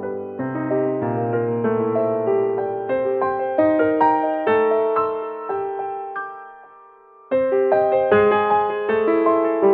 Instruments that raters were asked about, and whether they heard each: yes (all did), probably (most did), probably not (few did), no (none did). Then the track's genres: piano: yes
Contemporary Classical